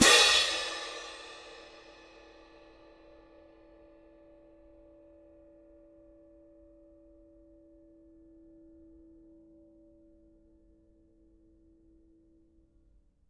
<region> pitch_keycenter=60 lokey=60 hikey=60 volume=-7.526160 lovel=107 hivel=127 seq_position=1 seq_length=2 ampeg_attack=0.004000 ampeg_release=30.000000 sample=Idiophones/Struck Idiophones/Clash Cymbals 1/cymbal_crash1_ff2.wav